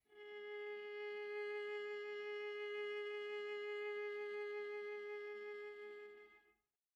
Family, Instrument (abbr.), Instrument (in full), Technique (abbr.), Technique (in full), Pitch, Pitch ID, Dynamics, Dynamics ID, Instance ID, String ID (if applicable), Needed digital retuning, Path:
Strings, Va, Viola, ord, ordinario, G#4, 68, pp, 0, 2, 3, TRUE, Strings/Viola/ordinario/Va-ord-G#4-pp-3c-T10d.wav